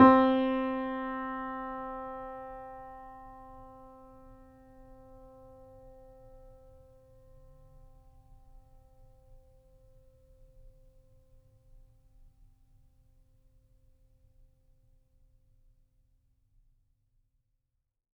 <region> pitch_keycenter=60 lokey=60 hikey=61 volume=-1.332355 lovel=66 hivel=99 locc64=0 hicc64=64 ampeg_attack=0.004000 ampeg_release=0.400000 sample=Chordophones/Zithers/Grand Piano, Steinway B/NoSus/Piano_NoSus_Close_C4_vl3_rr1.wav